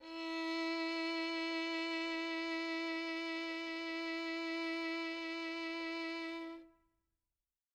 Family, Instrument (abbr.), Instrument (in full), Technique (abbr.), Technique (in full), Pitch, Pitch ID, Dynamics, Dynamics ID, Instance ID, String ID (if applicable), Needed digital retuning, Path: Strings, Vn, Violin, ord, ordinario, E4, 64, mf, 2, 3, 4, FALSE, Strings/Violin/ordinario/Vn-ord-E4-mf-4c-N.wav